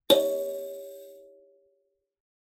<region> pitch_keycenter=73 lokey=72 hikey=73 volume=5.783757 offset=4393 ampeg_attack=0.004000 ampeg_release=15.000000 sample=Idiophones/Plucked Idiophones/Kalimba, Tanzania/MBira3_pluck_Main_C#4_k5_50_100_rr2.wav